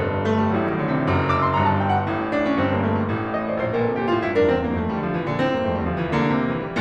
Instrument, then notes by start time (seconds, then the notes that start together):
piano
0.00 G1 G2
0.26 A3
0.41 G3
0.58 A1 A2 F#3
0.71 D#3
0.85 D3
0.95 C3
1.04 F#1 F#2
1.28 D6
1.43 C6
1.53 G1 G2 A#5
1.65 A5
1.79 G5
1.89 F#5
2.02 A1 A2
2.26 D4
2.44 C#4
2.61 G1 G2 C4
2.73 A#3
2.86 A3
3.02 G3
3.12 A1 A2
3.37 D#5
3.48 D5
3.61 A#1 C5
3.75 A#2 A#4
3.94 C3 A4
4.04 A#2 G4
4.17 A2 F4
4.28 G2 E4
4.39 F2 D4 A#4
4.49 E2 C4
4.67 G2 A#3
4.81 F2 A3
4.95 E3 G3
5.09 D3 F3
5.19 C3 E3
5.29 A#2 D3
5.41 A2 C4
5.53 G2 A#3
5.64 F2 A3
5.78 E2 G3
5.89 D2 F3
6.01 C2 E3
6.12 D3 A#3
6.33 C3
6.55 E3
6.65 G3